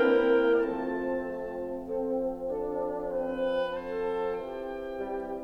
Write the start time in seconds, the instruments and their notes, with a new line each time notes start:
0.00 bassoon E3 A#3, horn C4, clarinet E4 A#4, oboe G5
0.39 bassoon F3 A3, horn C4, clarinet F4 A4, oboe A5
0.80 bassoon A3
1.22 bassoon C4, clarinet A4
1.85 bassoon D4, clarinet A4
3.08 bassoon C4, oboe B4
3.75 clarinet A4, oboe C5 A5
4.33 bassoon E3, clarinet G4, oboe G5
4.84 bassoon G3